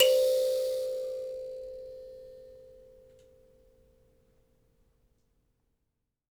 <region> pitch_keycenter=72 lokey=72 hikey=72 tune=20 volume=1.469104 ampeg_attack=0.004000 ampeg_release=15.000000 sample=Idiophones/Plucked Idiophones/Mbira Mavembe (Gandanga), Zimbabwe, Low G/Mbira5_Normal_MainSpirit_C4_k19_vl2_rr1.wav